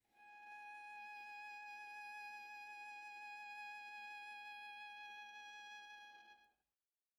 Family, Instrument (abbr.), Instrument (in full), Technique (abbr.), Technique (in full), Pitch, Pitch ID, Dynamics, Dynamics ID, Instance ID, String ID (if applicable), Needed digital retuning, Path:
Strings, Va, Viola, ord, ordinario, G#5, 80, pp, 0, 0, 1, TRUE, Strings/Viola/ordinario/Va-ord-G#5-pp-1c-T13u.wav